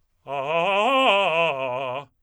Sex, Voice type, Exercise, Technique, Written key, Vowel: male, tenor, arpeggios, fast/articulated forte, C major, a